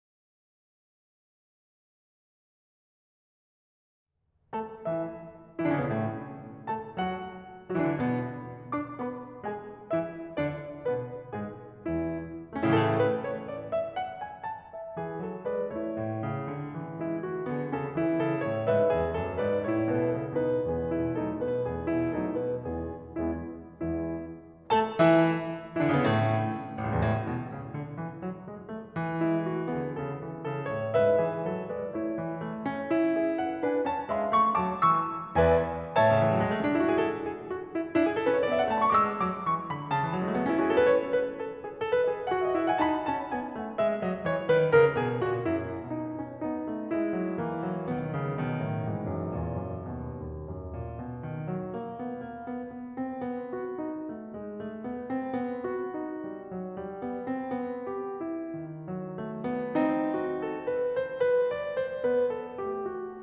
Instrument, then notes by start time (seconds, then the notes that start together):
piano
4.16 A3 A4 A5
4.86 E3 E4 E5
5.64 E3 E4
5.69 D3 D4
5.75 C#3 C#4
5.84 B2 B3
5.93 A2 A3
6.72 A3 A4 A5
6.97 F#3 F#4 F#5
7.73 F#3 F#4
7.79 E3 E4
7.84 D3 D4
7.88 C#3 C#4
7.94 B2 B3
8.72 D4 D5 D6
8.94 B3 B4 B5
9.41 G#3 G#4 G#5
9.91 E3 E4 E5
10.40 D3 D4 D5
10.89 B2 B3 B4
11.33 G#2 G#3 G#4
11.86 E2 E3 E4
12.51 A3
12.58 C#4
12.67 E4
12.75 A2 A4
12.86 C#3
12.94 E3
13.08 A3 B4
13.42 C#5
13.59 D5
13.79 E5
13.98 F#5
14.19 G#5
14.48 A5
14.73 E5
14.99 E3 G#4
15.29 F#3 A4
15.46 G#3 B4 D5
15.70 A3 E4 C#5
15.94 A2
16.23 C#3
16.47 D3
16.72 E3
17.00 G#3 E4
17.19 A3 F#4
17.39 D3 B3 G#4
17.65 C#3 C#4 A4
17.99 E3 E4
18.25 C#3 A4
18.48 A2 C#5
18.68 G#2 B4 E5
18.90 E2 G#4
19.14 F#2 A4
19.34 G#2 B4 D5
19.72 A2 E4 C#5
19.95 G#2 B4
20.17 F#2 A4
20.36 B2 D#4 B4
20.69 E2 E3 B3 G#4
20.96 B2 E4
21.14 F#3 A3 D#4 A4
21.42 B2 B4
21.66 E2 E3 B3 G#4
21.87 B2 E4
22.14 F#3 A3 D#4 A4
22.38 B2 B4
22.74 E2 E3 B3 E4 G#4
23.30 E2 G#3 B3 E4
23.88 E2 G#3 B3 E4
24.71 A3 A4 A5
25.01 E3 E4 E5
25.74 E3 E4
25.78 D3 D4
25.85 C#3 C#4
25.94 B2 B3
25.99 A2 A3
26.68 A1
26.82 C#2
26.92 E2
27.02 A2
27.29 B2
27.55 C#3
27.79 D3
27.98 E3
28.21 F#3
28.47 G#3
28.65 A3
28.91 E3
29.24 G#3 E4
29.49 A3 F#4
29.73 D3 B3 G#4
29.96 C#3 C#4 A4
30.23 E3 E4
30.46 C#3 A4
30.70 A2 C#5
30.95 G#2 B4 E5
31.20 E3 G#4
31.45 F#3 A4
31.71 G#3 B4 D5
31.90 A3 E4 C#5
32.16 E3
32.45 A3
32.66 C#4
32.95 E4
33.16 G#4 E5
33.41 A4 F#5
33.63 D4 B4 G#5
33.85 C#4 C#5 A5
34.11 G#3 E5 B5
34.31 A3 C#6
34.55 F#3 A5 D6
34.77 E3 C#6 E6
35.37 E2 B4 D5 E5 G#5
35.99 A2 C#5 E5 A5
36.07 C#3
36.15 D3 E3
36.26 F#3
36.37 G#3
36.47 A3
36.54 C#4
36.62 D4
36.74 E4
36.83 F#4
36.92 G#4
36.99 A4
37.26 G#4
37.50 F#4
37.72 E4
37.93 D4 E4
38.06 G#4
38.17 A4
38.25 C#4 B4
38.32 C#5
38.42 D5
38.49 B3 E5
38.60 G#5
38.67 A5
38.74 A3 B5
38.80 C#6
38.87 D6
38.95 G#3 E6
39.21 F#3 D6
39.47 E3 C#6
39.71 D3 B5
39.95 C#3 A5
40.02 E3
40.11 F#3
40.23 G#3
40.31 A3
40.38 B3
40.44 C#4
40.51 E4
40.59 F#4
40.65 G#4
40.72 A4
40.79 B4
40.90 C#5
41.12 B4
41.38 A4
41.62 G#4
41.90 A4
41.96 B4
42.07 C#5
42.14 G#4 D#5
42.21 E5
42.26 F5
42.33 F#4 F#5
42.41 D#5
42.48 E5
42.55 E4 F#5
42.64 G#5
42.74 A5
42.82 D#4 B5
43.08 C#4 A5
43.33 B3 G#5
43.55 A3 F#5
43.75 G#3 E5
43.98 F#3 D#5
44.26 E3 C#5
44.45 D#3 B4
44.72 C#3 A#4
44.95 B2 G#4
45.27 A#2 F#4
45.46 F#2 E4
45.79 B2 D#4
46.15 C#4
46.44 B3 D#4
46.64 A3
46.90 G#3 E4
47.12 F#3
47.38 E3 A#3
47.60 F#3
47.88 B1 D#3 B3
48.19 C#3
48.39 B2 D#3
48.66 A2
48.87 G#2 E3
49.10 F#2
49.35 E2 A#2
49.59 F#2
49.84 D#2 B2
50.14 D#2
50.44 F#2
50.71 A#2
50.98 B2
51.22 D#3
51.44 F#3
51.69 A#3
51.99 B3
52.20 A#3
52.44 B3
52.74 B3
52.96 C4
53.21 B3
53.52 F#4
53.77 D#4
54.07 A3
54.35 G#3
54.58 A3
54.82 B3
55.12 C4
55.40 B3
55.69 F#4
55.95 D#4
56.23 G3
56.48 F#3
56.75 G3
56.99 B3
57.26 C4
57.55 B3
57.86 G4
58.21 E4
58.56 D#3
58.91 F#3
59.18 A3
59.44 B3
59.74 C4 D#4
60.07 F#4
60.34 A4
60.59 B4
60.99 C5
61.25 B4
61.54 D5
61.79 C5
62.08 B3 B4
62.34 A4
62.58 A3 G4
62.93 F#4